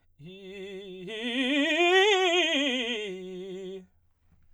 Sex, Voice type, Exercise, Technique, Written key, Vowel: male, baritone, scales, fast/articulated forte, F major, i